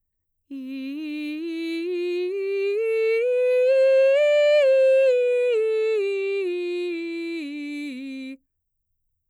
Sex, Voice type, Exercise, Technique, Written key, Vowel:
female, mezzo-soprano, scales, slow/legato piano, C major, i